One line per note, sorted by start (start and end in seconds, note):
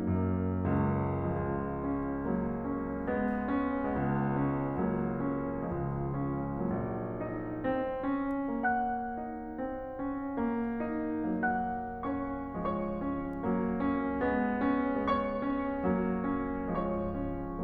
0.01 0.66 F#2
0.01 1.20 F#3
0.01 0.66 A#3
0.67 1.20 C#2
0.67 1.20 C#4
1.40 3.96 C#2
1.40 2.30 F3
1.40 1.90 G#3
1.92 2.30 C#4
2.33 3.13 F#3
2.33 2.68 A#3
2.69 3.13 C#4
3.15 3.96 G#3
3.15 3.58 B3
3.59 3.96 C#4
3.99 5.64 C#2
3.99 4.84 G#3
3.99 4.49 B3
4.50 4.84 C#4
4.85 5.64 F#3
4.85 5.21 A#3
5.22 5.64 C#4
5.65 6.59 C#2
5.65 6.59 F3
5.65 6.10 G#3
6.14 6.59 C#4
6.60 7.67 A#1
6.60 11.46 F#3
6.60 7.20 A#3
7.22 7.67 D#4
7.69 8.14 C4
8.18 8.64 C#4
8.66 9.22 A#3
8.66 11.46 F#5
8.66 11.46 F#6
9.24 9.62 D#4
9.63 9.97 C4
9.99 10.35 C#4
10.36 10.76 A#3
10.78 11.46 D#4
11.49 12.52 F#3
11.49 12.01 A#3
11.49 12.01 F#5
11.49 12.01 F#6
12.03 12.52 C#4
12.03 12.52 C#5
12.03 12.52 C#6
12.53 13.40 F3
12.53 13.02 G#3
12.53 15.08 C#5
12.53 15.08 C#6
13.03 13.40 C#4
13.42 14.27 F#3
13.42 13.83 A#3
13.84 14.27 C#4
14.29 15.08 G#3
14.29 14.70 B3
14.74 15.08 C#4
15.10 15.89 G#3
15.10 15.47 B3
15.10 16.70 C#5
15.10 16.70 C#6
15.48 15.89 C#4
15.90 16.70 F#3
15.90 16.22 A#3
16.25 16.70 C#4
16.74 17.63 F3
16.74 17.17 G#3
16.74 17.63 C#5
16.74 17.63 C#6
17.18 17.63 C#4